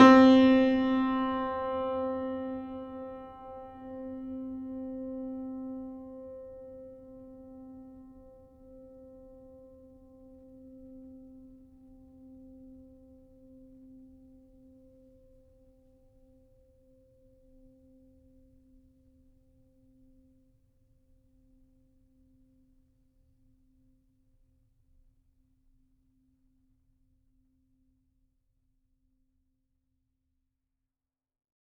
<region> pitch_keycenter=60 lokey=60 hikey=61 volume=-1.336692 lovel=66 hivel=99 locc64=65 hicc64=127 ampeg_attack=0.004000 ampeg_release=0.400000 sample=Chordophones/Zithers/Grand Piano, Steinway B/Sus/Piano_Sus_Close_C4_vl3_rr1.wav